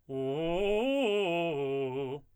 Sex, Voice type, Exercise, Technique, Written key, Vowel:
male, tenor, arpeggios, fast/articulated forte, C major, u